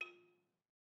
<region> pitch_keycenter=65 lokey=64 hikey=68 volume=24.338365 offset=189 lovel=0 hivel=65 ampeg_attack=0.004000 ampeg_release=30.000000 sample=Idiophones/Struck Idiophones/Balafon/Hard Mallet/EthnicXylo_hardM_F3_vl1_rr1_Mid.wav